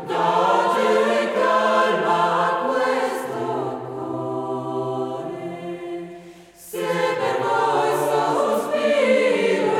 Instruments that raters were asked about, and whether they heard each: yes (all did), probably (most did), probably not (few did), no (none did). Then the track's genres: voice: yes
piano: no
mandolin: no
Choral Music